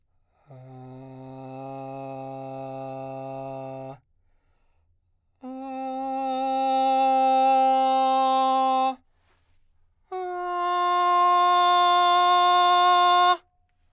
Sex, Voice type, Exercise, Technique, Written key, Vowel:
male, baritone, long tones, straight tone, , a